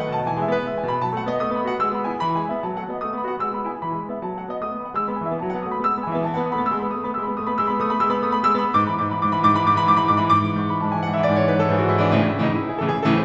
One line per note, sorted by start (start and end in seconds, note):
0.00 0.14 D#3
0.00 0.14 F#5
0.14 0.28 B2
0.14 0.28 A5
0.29 0.42 E3
0.29 0.42 G#5
0.43 0.56 G#3
0.43 0.56 E5
0.57 0.68 B3
0.57 0.68 B4
0.68 0.80 G#3
0.68 0.80 E5
0.80 0.91 E3
0.80 0.91 G#5
0.91 1.01 B2
0.91 1.01 B5
1.01 1.14 F#3
1.01 1.14 A5
1.14 1.25 A3
1.14 1.25 F#5
1.27 1.38 B3
1.27 1.38 D#5
1.39 1.51 A3
1.39 1.51 D#6
1.52 1.67 B3
1.52 1.67 B5
1.67 1.80 F#4
1.67 1.80 F#5
1.80 1.90 G#3
1.80 1.90 E6
1.90 2.08 B3
1.90 2.08 B5
2.08 2.19 E4
2.08 2.19 G#5
2.19 2.33 E3
2.19 2.33 B5
2.33 2.48 G#3
2.33 2.48 G#5
2.50 2.61 B3
2.50 2.61 E5
2.62 2.75 F#3
2.62 2.75 A5
2.76 2.89 A3
2.76 2.89 F#5
2.89 3.04 B3
2.89 3.04 D#5
3.04 3.17 A3
3.04 3.17 D#6
3.17 3.30 B3
3.17 3.30 B5
3.30 3.40 F#4
3.30 3.40 F#5
3.40 3.51 G#3
3.40 3.51 E6
3.51 3.66 B3
3.51 3.66 B5
3.67 3.82 E4
3.67 3.82 G#5
3.83 3.96 E3
3.83 3.96 B5
3.96 4.11 G#3
3.96 4.11 G#5
4.11 4.25 B3
4.11 4.25 E5
4.25 4.39 F#3
4.25 4.39 A5
4.39 4.52 A3
4.39 4.52 F#5
4.52 4.64 B3
4.52 4.64 D#5
4.66 4.78 A3
4.66 4.78 D#6
4.78 4.89 B3
4.78 4.89 B5
4.89 4.98 F#4
4.89 4.98 F#5
4.98 5.09 G#3
4.98 5.09 E6
5.09 5.18 B3
5.09 5.18 B5
5.18 5.29 E3
5.18 5.29 G#5
5.29 5.41 B3
5.29 5.41 E5
5.41 5.53 F#3
5.41 5.53 A5
5.53 5.63 B3
5.53 5.63 F#5
5.63 5.72 A3
5.63 5.72 D#6
5.74 5.84 B3
5.74 5.84 B5
5.85 5.94 G#3
5.85 5.94 E6
5.96 6.05 B3
5.96 6.05 B5
6.05 6.16 E3
6.05 6.16 G#5
6.16 6.23 B3
6.16 6.23 E5
6.23 6.36 F#3
6.23 6.36 A5
6.36 6.47 B3
6.36 6.47 F#5
6.47 6.57 A3
6.47 6.57 D#6
6.57 6.69 B3
6.57 6.69 B5
6.69 6.78 G#3
6.69 6.78 E6
6.79 6.91 B3
6.79 6.91 B5
6.91 7.02 A3
6.91 7.02 D#6
7.02 7.14 B3
7.02 7.14 B5
7.14 7.29 G#3
7.14 7.29 E6
7.29 7.37 B3
7.29 7.37 B5
7.38 7.48 A3
7.38 7.48 D#6
7.48 7.58 B3
7.48 7.58 B5
7.58 7.69 G#3
7.58 7.69 E6
7.70 7.79 B3
7.70 7.79 B5
7.79 7.87 A3
7.79 7.87 D#6
7.88 7.99 B3
7.88 7.99 B5
7.99 8.12 G#3
7.99 8.12 E6
8.12 8.25 B3
8.12 8.25 B5
8.27 8.36 A3
8.27 8.36 D#6
8.36 8.51 B3
8.36 8.51 B5
8.52 8.63 G#3
8.52 8.63 E6
8.63 8.72 B3
8.63 8.72 B5
8.73 8.81 G#2
8.73 8.81 D6
8.81 8.90 E3
8.81 8.90 B5
8.90 9.08 G#2
8.90 9.08 D6
9.09 9.17 E3
9.09 9.17 B5
9.17 9.28 G#2
9.17 9.28 D6
9.28 9.44 E3
9.28 9.44 B5
9.45 9.56 G#2
9.45 9.56 D6
9.56 9.65 E3
9.56 9.65 B5
9.65 9.74 G#2
9.65 9.74 D6
9.75 9.86 E3
9.75 9.86 B5
9.86 10.00 G#2
9.86 10.00 D6
10.00 10.11 E3
10.00 10.11 B5
10.12 10.22 G#2
10.12 10.22 D6
10.22 10.32 E3
10.22 10.32 B5
10.32 10.44 G#2
10.32 10.55 D6
10.44 10.55 E3
10.55 10.70 G#2
10.55 10.70 C#6
10.70 10.81 E3
10.70 10.81 B5
10.82 10.90 G#2
10.82 10.90 A5
10.91 11.05 E3
10.91 11.05 G#5
11.06 11.16 G#2
11.06 11.16 F#5
11.17 11.28 E3
11.17 11.28 E5
11.30 11.39 G#2
11.30 11.39 D5
11.39 11.51 E3
11.39 11.51 C#5
11.51 11.62 G#2
11.51 11.62 B4
11.62 11.75 E3
11.62 11.75 A4
11.75 11.84 G#2
11.75 11.84 G#4
11.84 11.95 E3
11.84 11.95 F#4
11.95 12.02 G#2
11.95 12.02 E4
12.02 12.13 E3
12.02 12.13 D4
12.13 12.38 A2
12.13 12.38 C#3
12.13 12.38 E3
12.13 12.24 C#4
12.26 12.38 D#4
12.38 12.57 A2
12.38 12.57 C#3
12.38 12.57 E3
12.38 12.48 E4
12.48 12.57 D#4
12.59 12.68 E4
12.68 12.76 G#4
12.76 13.05 A2
12.76 13.05 C#3
12.76 13.05 E3
12.76 12.85 A4
12.86 13.05 G#4
13.05 13.25 A2
13.05 13.25 C#3
13.05 13.25 E3
13.05 13.15 A4
13.15 13.25 C5